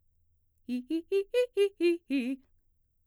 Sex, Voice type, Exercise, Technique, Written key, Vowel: female, mezzo-soprano, arpeggios, fast/articulated forte, C major, i